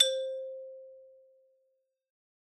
<region> pitch_keycenter=60 lokey=58 hikey=63 volume=7.802567 lovel=0 hivel=83 ampeg_attack=0.004000 ampeg_release=15.000000 sample=Idiophones/Struck Idiophones/Xylophone/Hard Mallets/Xylo_Hard_C4_pp_01_far.wav